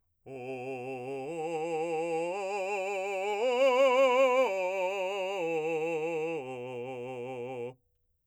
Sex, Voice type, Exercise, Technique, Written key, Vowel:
male, , arpeggios, vibrato, , o